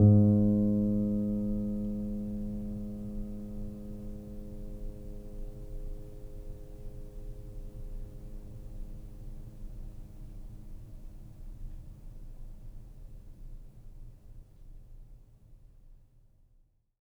<region> pitch_keycenter=44 lokey=44 hikey=45 volume=2.819027 lovel=0 hivel=65 locc64=0 hicc64=64 ampeg_attack=0.004000 ampeg_release=0.400000 sample=Chordophones/Zithers/Grand Piano, Steinway B/NoSus/Piano_NoSus_Close_G#2_vl2_rr1.wav